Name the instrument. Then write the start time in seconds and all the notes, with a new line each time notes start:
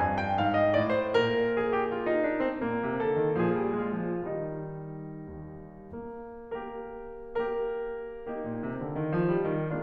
piano
0.01 G2 G#5
0.18 G5
0.40 G#2 F5
0.60 D#5
0.76 A2 D5
0.92 C5
1.16 A#2 A#4
1.57 G#4
1.74 G4
1.93 F4
2.08 D#4
2.27 D4
2.41 C4
2.59 A#2 A#3
2.80 C3
3.02 D3 A4
3.18 D#3
3.37 A#2 F3 D4 G#4
3.57 G3
3.79 G#3 F4
4.05 F3
4.29 D#3 G3 D#4
5.33 D#2
5.88 A#3
6.38 A#3 G4 A#4
7.23 A#3 G4 A#4
8.26 A#3 D#4 G4
8.43 A#2
8.63 C3
8.83 D3
9.03 D#3
9.22 F3
9.42 G3
9.63 D#3